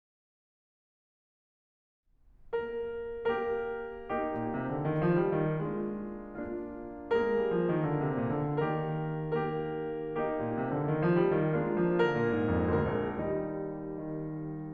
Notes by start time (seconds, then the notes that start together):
2.45 A#3 G4 A#4
3.20 A#3 G4 A#4
4.07 A#3 D#4 G4
4.26 A#2
4.46 C3
4.65 D3
4.83 D#3
5.06 F3
5.28 G3
5.47 D#3
5.69 G#3 A#3 D4 F4
6.44 A#3 D4 F4
7.19 G#3 A#3 F4 G#4 A#4
7.35 G3
7.55 F3
7.70 D#3
7.86 D3
8.01 C3
8.21 A#2
8.40 D3
8.63 D#3 A#3 G4 A#4
9.35 A#3 G4 A#4
10.11 A#3 D#4 G4
10.31 A#2
10.52 C3
10.69 D3
10.91 D#3
11.04 F3
11.20 G3
11.44 D#3
11.61 G#3 A#3 D4 F4
11.78 F3
11.98 D3 A#4
12.19 A#2
12.36 G#2
12.53 F2
12.70 D2 A#3 A#4
12.98 A#1
13.18 D#2 G3 D#4
14.13 D#3